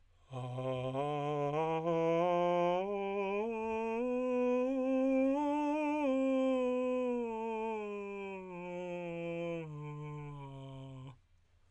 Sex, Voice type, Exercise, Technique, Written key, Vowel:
male, tenor, scales, breathy, , a